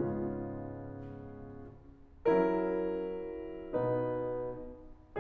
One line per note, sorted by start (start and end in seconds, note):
0.01 1.78 G#2
0.01 1.78 C#3
0.01 1.78 G#3
0.01 1.78 B3
0.01 1.78 C#4
0.01 1.78 F4
2.32 3.73 F#3
2.32 3.73 C#4
2.32 3.73 E4
2.32 3.73 A#4
3.76 4.58 B2
3.76 4.58 B3
3.76 4.58 D#4
3.76 4.58 B4